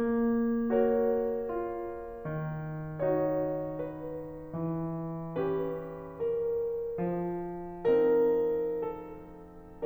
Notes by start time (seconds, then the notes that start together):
0.00 A#3
0.73 F#4 A#4 C#5
1.47 F4
2.11 D#3
3.05 D#4 F#4 C#5
3.90 B4
4.48 E3
5.43 C#4 G4 B4
6.20 A#4
7.01 F3
7.99 C4 D#4 A#4
8.85 A4